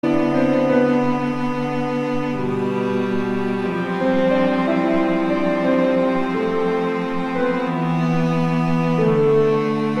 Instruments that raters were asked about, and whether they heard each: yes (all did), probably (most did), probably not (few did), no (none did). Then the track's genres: drums: no
mallet percussion: no
cello: yes
synthesizer: probably not
Ambient; Instrumental